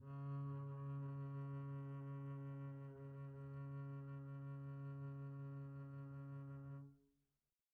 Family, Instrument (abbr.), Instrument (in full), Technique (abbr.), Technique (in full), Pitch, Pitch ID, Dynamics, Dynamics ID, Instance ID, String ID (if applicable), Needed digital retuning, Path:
Strings, Cb, Contrabass, ord, ordinario, C#3, 49, pp, 0, 2, 3, TRUE, Strings/Contrabass/ordinario/Cb-ord-C#3-pp-3c-T10u.wav